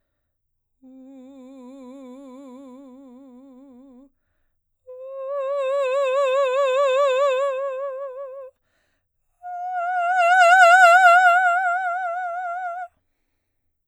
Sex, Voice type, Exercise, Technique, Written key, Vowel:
female, soprano, long tones, messa di voce, , u